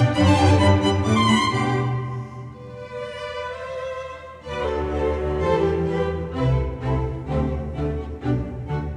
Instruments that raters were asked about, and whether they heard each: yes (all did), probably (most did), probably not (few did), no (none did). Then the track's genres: violin: yes
banjo: no
synthesizer: no
mallet percussion: no
cello: yes
Classical; Chamber Music